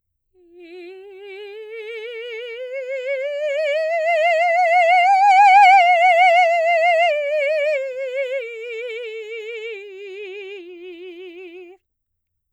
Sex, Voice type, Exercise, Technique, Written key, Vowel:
female, soprano, scales, slow/legato piano, F major, i